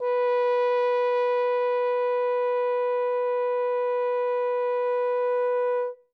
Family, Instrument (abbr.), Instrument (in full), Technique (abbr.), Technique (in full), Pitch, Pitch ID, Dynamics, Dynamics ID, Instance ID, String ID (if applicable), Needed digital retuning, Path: Brass, Hn, French Horn, ord, ordinario, B4, 71, ff, 4, 0, , FALSE, Brass/Horn/ordinario/Hn-ord-B4-ff-N-N.wav